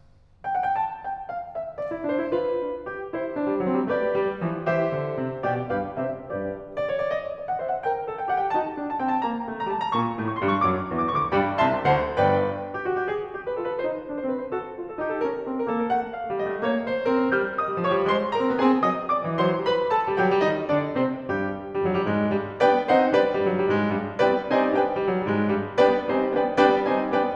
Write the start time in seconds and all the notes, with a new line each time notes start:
0.46 G5
0.57 F#5
0.68 G5
0.81 A5
1.07 G5
1.34 F5
1.57 E5
1.78 D5
1.92 E4
2.06 D4 C5
2.20 E4
2.32 F4 B4
2.66 D4
2.90 G4
3.14 E4 C5
3.36 D4
3.50 G3
3.62 F#3 C4
3.77 G3
3.90 A3 G4 B4 D5
4.24 G3
4.45 F3
4.67 E3 G4 C5 E5
4.89 D3
5.18 C3
5.47 B2 G4 D5 G5
5.72 G2 G4 B4 F5
6.02 C3 G4 C5 E5
6.32 G2 G4 B4 D5
6.75 D5
6.90 C#5
7.02 D5
7.13 D#5
7.37 D5
7.49 F#5
7.63 C5 E5
7.71 F#5
7.83 A#4 G5
8.10 A4
8.23 G5
8.34 G4 F#5
8.45 G5
8.56 D#4 F#4 A5
8.76 D4
8.89 A5
9.00 C4 G5
9.12 A5
9.24 A#3 A#5
9.46 A3
9.53 A#5
9.68 G3 A5
9.82 A#5
9.96 A#2 A#3 C#6
10.16 A2 A3
10.29 C#6
10.39 G2 G3 C6
10.52 C#6
10.66 F#2 F#3 D6
10.90 E2 E3
11.01 D6
11.09 D2 D3 C#6
11.21 D6
11.31 G2 G3 D5 G5 B5
11.58 C2 C3 E5 A5 C6
11.86 D2 D3 C5 F#5 A5
12.15 G1 G2 B4 D5 G5
12.60 G4
12.79 F#4
12.94 G4
13.09 G#4
13.33 G4
13.45 B4
13.57 F4 A4
13.71 B4
13.81 D#4 C5
14.05 D4
14.14 C5
14.27 C4 B4
14.39 C5
14.50 F#4 A4
14.74 F4
14.85 A4
15.01 D#4 G4
15.12 A4
15.23 C#4 A#4
15.45 C4
15.56 A#4
15.67 A#3 A4
15.80 A#4
15.91 A3 F#5
16.17 F5
16.25 A3
16.32 G3 D#5
16.47 A3
16.58 A#3 C#5
16.85 C5
16.97 C#4
17.08 C4 A#4
17.19 C#4
17.33 G3 F5 F6
17.58 D#5 D#6
17.69 G3
17.80 F3 C#5 C#6
17.95 G3
18.12 G#3 C5 C6
18.33 A#4 A#5
18.48 C4
18.59 B3 G#4 G#5
18.73 C4
18.83 F#3 D#5 D#6
19.05 D5 D6
19.22 F#3
19.37 E3 C5 C6
19.49 F#3
19.66 G3 B4 B5
19.95 A4 A5
20.09 G3
20.22 F#3 G4 G5
20.31 G3
20.44 D#3 D#4 D#5
20.69 D3 D4 D5
20.99 C3 C4 C5
21.29 G2 G3 G4
21.74 G2 G3
21.88 F#2 F#3
22.01 G2 G3
22.13 G#2 G#3
22.33 G2 G3
22.61 G3 B3 D4 B4 D5 G5
22.85 G3 C4 D#4 A4 C5 D#5 F#5
23.11 B3 D4 B4 D5 G5
23.24 G2 G3
23.37 F#2 F#3
23.52 G2 G3
23.69 G#2 G#3
23.93 G2 G3
24.24 G3 B3 D4 B4 D5 G5
24.51 G3 C4 D#4 C5 D#5 F#5 A5
24.80 B3 D4 B4 D5 G5
24.94 G2 G3
25.08 F#2 F#3
25.21 G2 G3
25.34 G#2 G#3
25.58 G2 G3
25.78 G3 B3 D4 B4 D5 G5
26.07 G3 C4 D#4 C5 D#5 G#5
26.35 B3 D4 B4 D5 G5
26.58 G3 B3 D4 B4 D5 G5
26.85 G3 C4 D#4 C5 D#5 G#5
27.13 B3 D4 B4 D5 G5